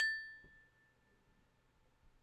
<region> pitch_keycenter=81 lokey=81 hikey=82 tune=21 volume=17.925369 lovel=66 hivel=99 ampeg_attack=0.004000 ampeg_decay=1.5 ampeg_sustain=0.0 ampeg_release=30.000000 sample=Idiophones/Struck Idiophones/Tubular Glockenspiel/A0_medium1.wav